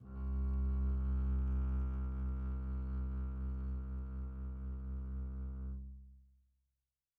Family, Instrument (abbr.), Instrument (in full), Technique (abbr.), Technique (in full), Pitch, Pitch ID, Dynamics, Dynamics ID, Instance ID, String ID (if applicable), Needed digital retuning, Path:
Strings, Cb, Contrabass, ord, ordinario, C2, 36, pp, 0, 2, 3, FALSE, Strings/Contrabass/ordinario/Cb-ord-C2-pp-3c-N.wav